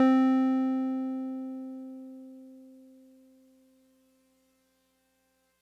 <region> pitch_keycenter=60 lokey=59 hikey=62 volume=7.865318 lovel=100 hivel=127 ampeg_attack=0.004000 ampeg_release=0.100000 sample=Electrophones/TX81Z/Piano 1/Piano 1_C3_vl3.wav